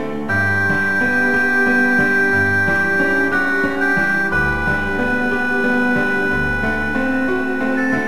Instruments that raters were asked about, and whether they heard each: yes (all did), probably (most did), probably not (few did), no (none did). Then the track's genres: accordion: no
bass: probably not
Classical